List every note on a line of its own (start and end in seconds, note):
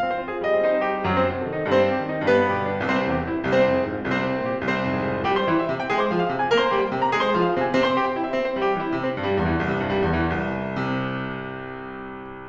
0.00 0.16 C4
0.07 0.51 C5
0.16 0.41 F4
0.30 0.74 G#4
0.41 0.63 G3
0.51 0.95 D#5
0.64 0.86 C4
0.74 1.16 C5
0.86 1.04 D#4
0.95 1.40 G4
1.04 1.47 F#2
1.04 1.47 F#3
1.17 1.53 C4
1.17 1.53 C5
1.27 1.59 C3
1.40 1.70 A4
1.47 1.79 D#3
1.53 1.87 D#4
1.60 1.96 G2
1.60 1.96 G3
1.70 2.09 C4
1.70 2.09 C5
1.79 2.17 C3
1.88 2.29 G4
1.96 2.38 D#3
2.09 2.50 D#4
2.17 2.60 G2
2.17 2.60 G3
2.29 2.72 B3
2.29 2.72 B4
2.39 2.81 B2
2.50 2.90 G4
2.60 3.00 D3
2.72 3.10 D4
2.81 3.23 C2
2.81 3.23 C3
2.91 3.37 C4
2.91 3.37 C5
3.00 3.23 E2
3.10 3.56 G4
3.23 3.46 G2
3.37 3.77 E4
3.46 3.67 C2
3.46 3.67 C3
3.56 3.97 C5
3.67 3.88 F2
3.78 4.16 G#4
3.88 4.05 G#2
3.97 4.37 F4
4.05 4.26 C2
4.05 4.26 C3
4.16 4.55 C5
4.27 4.46 G2
4.37 4.77 A#4
4.46 4.67 A#2
4.55 4.98 G4
4.67 4.88 C2
4.67 4.88 C3
4.77 5.18 C5
4.88 5.09 F2
4.98 5.38 G#4
5.10 5.28 G#2
5.18 5.60 F4
5.28 5.48 G3
5.28 5.48 G4
5.38 5.82 C5
5.38 5.82 C6
5.48 5.72 E3
5.48 5.72 E4
5.61 5.99 E5
5.72 5.89 C3
5.72 5.89 C4
5.82 6.15 G5
5.89 6.05 G#3
5.89 6.05 G#4
5.99 6.40 C5
5.99 6.40 C6
6.06 6.30 F3
6.06 6.30 F4
6.15 6.62 F5
6.30 6.50 C3
6.30 6.50 C4
6.40 6.84 G#5
6.50 6.73 A#3
6.50 6.73 A#4
6.62 7.02 C5
6.62 7.02 C6
6.73 6.92 G3
6.73 6.92 G4
6.84 7.20 G5
6.93 7.13 C3
6.93 7.13 C4
7.02 7.43 A#5
7.13 7.31 G#3
7.13 7.31 G#4
7.20 7.67 C5
7.20 7.67 C6
7.31 7.53 F3
7.31 7.53 F4
7.44 7.87 F5
7.53 7.77 C3
7.53 7.77 C4
7.67 8.07 G#5
7.77 7.98 C3
7.77 7.98 C4
7.87 8.24 C6
7.98 8.16 G4
8.07 8.43 G5
8.16 8.32 E4
8.25 8.61 E5
8.32 8.52 C4
8.43 8.79 C5
8.52 8.70 G3
8.61 9.03 G4
8.70 8.90 E3
8.79 9.22 E4
8.90 9.14 C3
9.03 9.51 C4
9.14 9.38 G2
9.23 9.69 G3
9.38 9.61 E2
9.51 10.30 E3
9.61 9.81 C2
9.71 10.61 C3
9.81 10.08 G2
9.91 10.97 G3
10.08 10.41 E2
10.30 10.81 E3
10.41 12.49 C2
10.82 12.49 C3